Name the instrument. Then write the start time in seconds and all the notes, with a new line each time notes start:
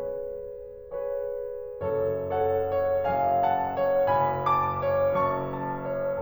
piano
0.01 G#4 B4 C#5
1.12 G#4 B4 C#5
2.05 F#1 F#2 A4 C#5
2.36 A4 C#5 F#5
2.73 C#5
3.06 F#1 F#2 F5 G#5
3.40 F#5 A5
3.78 C#5
4.09 F#1 F#2 G#5 B5
4.44 A5 D6
4.84 C#5
5.15 F#1 F#2 A5 C#6
5.49 A5
5.86 C#5